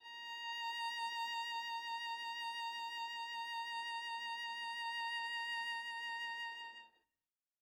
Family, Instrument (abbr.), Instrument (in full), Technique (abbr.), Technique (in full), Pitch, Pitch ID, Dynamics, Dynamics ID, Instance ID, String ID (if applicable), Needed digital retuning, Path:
Strings, Va, Viola, ord, ordinario, A#5, 82, mf, 2, 0, 1, TRUE, Strings/Viola/ordinario/Va-ord-A#5-mf-1c-T16u.wav